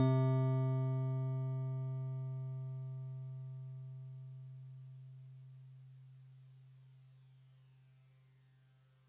<region> pitch_keycenter=60 lokey=59 hikey=62 volume=15.647831 lovel=0 hivel=65 ampeg_attack=0.004000 ampeg_release=0.100000 sample=Electrophones/TX81Z/FM Piano/FMPiano_C3_vl1.wav